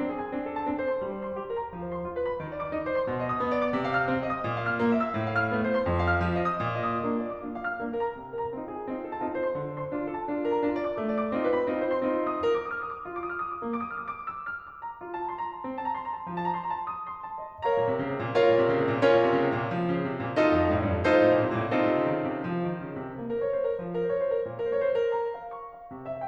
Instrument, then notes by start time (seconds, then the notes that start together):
piano
0.00 C4 D4
0.12 G#4
0.22 G#5
0.33 C4 D4
0.45 A4
0.57 A5
0.67 C4 D4
0.79 C5
0.88 C6
1.02 G3
1.14 C5
1.23 C6
1.37 G4
1.50 A#4
1.59 A#5
1.72 F3
1.81 C5
1.94 C6
2.05 F4
2.17 B4
2.29 B5
2.40 E3
2.51 D5
2.60 D6
2.71 E4
2.83 C5
2.93 C6
3.08 B2
3.18 D#5
3.30 D#6
3.41 B3
3.51 D5
3.62 D6
3.75 C3
3.88 F5
3.98 F6
4.11 C4
4.23 D#5
4.33 D#6
4.45 A#2
4.57 F5
4.67 F6
4.78 A#3
4.96 E5
5.05 E6
5.15 A2
5.28 F5
5.39 F6
5.54 A3
5.63 C5
5.75 C6
5.86 F2
5.96 F5
6.07 F6
6.27 F3
6.43 D#5
6.54 D#6
6.63 A#2
6.77 D#5
6.87 D#6
6.99 A#3 D4 F4
7.20 D5
7.29 D6
7.44 A#3 D4 F4
7.59 F5
7.69 F6
7.79 A#3 D4 F4
7.89 A#4
8.09 A#5
8.19 C3
8.27 A#4
8.41 A#5
8.51 C4 D#4 F4
8.68 G#4
8.80 G#5
8.90 C4 D#4 F4
9.01 A4
9.15 A5
9.25 C4 D#4 F4
9.35 C5
9.44 C6
9.54 D3
9.66 C5
9.74 C6
9.90 D4 F4
10.03 A4
10.17 A5
10.29 D4 F4
10.39 A#4
10.51 A#5
10.61 D4 F4
10.73 D5
10.84 D6
10.96 A3
11.13 D5
11.24 D6
11.34 C4 D#4 F4
11.46 B4
11.56 B5
11.68 C4 D#4 F4
11.80 C5
11.94 C6
12.07 C4 D#4 F4
12.17 D#5
12.29 D#6
12.40 A#4
12.52 D6
12.63 D#6
12.71 F6
12.84 D#6
12.96 D6
13.06 F4
13.15 D6
13.25 D#6
13.36 F6
13.44 D#6
13.55 D6
13.66 A#3
13.77 D6
13.89 D#6
13.98 F6
14.08 D#6
14.15 D6
14.27 E6
14.43 F6
14.61 D6
14.80 A#5
15.01 F4
15.12 A5
15.21 A#5
15.31 C6
15.42 A#5
15.52 A5
15.65 C4
15.72 A5
15.82 A#5
15.96 C6
16.04 A#5
16.16 A5
16.32 F3
16.42 A5
16.53 A#5
16.64 C6
16.76 A#5
16.83 A5
16.92 D#6
17.07 C6
17.23 A5
17.39 D#5
17.65 A#4 C#5 F5 A#5
17.79 A#2
17.88 C3
18.03 C#3
18.15 C3
18.25 A#2
18.38 F4 A#4 C#5 F5
18.46 A#2
18.56 C3
18.68 C#3
18.80 C3
18.90 A#2
19.01 C#4 F4 A#4 C#5
19.13 A#2
19.28 C3
19.40 C#3
19.49 C3
19.57 A#2
19.78 F3
19.93 C#3
20.07 C3
20.22 A#2
20.36 D#4 F4 A4 D#5
20.47 F2
20.58 G2
20.69 A2
20.78 G2
20.90 F2
21.01 D#4 F4 A4 C5
21.13 A2
21.23 A#2
21.35 C3
21.46 A#2
21.55 A2
21.70 C4 D#4 F4 A4
21.85 C3
21.94 C#3
22.12 D#3
22.23 C#3
22.33 C3
22.48 F3
22.70 D#3
22.85 C#3
23.01 C3
23.20 A#3
23.30 A#4
23.42 C5
23.52 C#5
23.60 C5
23.72 A#4
23.85 F3
23.96 A#4
24.06 C5
24.16 C#5
24.24 C5
24.33 A#4
24.44 A#2
24.54 A#4
24.62 C5
24.73 C#5
24.85 C5
24.97 A#4
25.15 A#5
25.38 F5
25.54 C#6
25.73 F5
25.90 C3
26.05 E5
26.15 F5